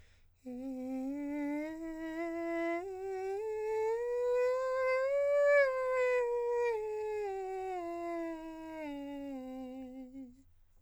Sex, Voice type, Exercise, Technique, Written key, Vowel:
male, countertenor, scales, breathy, , e